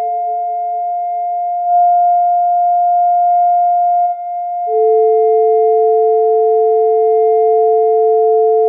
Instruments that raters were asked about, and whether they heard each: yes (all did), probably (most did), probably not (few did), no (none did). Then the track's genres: flute: probably not
clarinet: no
voice: no
Experimental